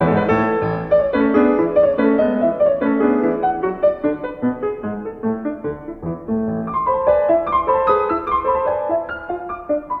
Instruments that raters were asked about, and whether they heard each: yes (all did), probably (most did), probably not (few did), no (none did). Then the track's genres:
piano: yes
accordion: no
ukulele: no
banjo: no
Classical